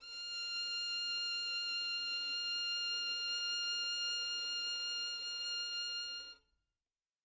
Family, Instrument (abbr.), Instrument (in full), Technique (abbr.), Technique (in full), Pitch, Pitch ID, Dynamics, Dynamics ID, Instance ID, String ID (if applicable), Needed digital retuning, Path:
Strings, Vn, Violin, ord, ordinario, F6, 89, mf, 2, 0, 1, FALSE, Strings/Violin/ordinario/Vn-ord-F6-mf-1c-N.wav